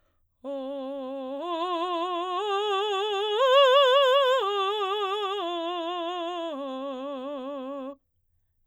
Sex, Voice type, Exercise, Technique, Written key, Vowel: female, soprano, arpeggios, slow/legato forte, C major, o